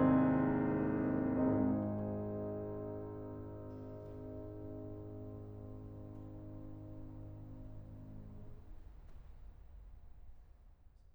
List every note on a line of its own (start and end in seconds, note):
0.00 8.15 G#1
0.00 8.15 G#2
0.00 8.15 C4
0.00 8.15 D#4
0.00 8.15 G#4